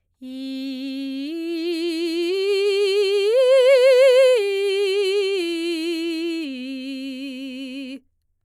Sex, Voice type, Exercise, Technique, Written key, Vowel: female, soprano, arpeggios, vibrato, , i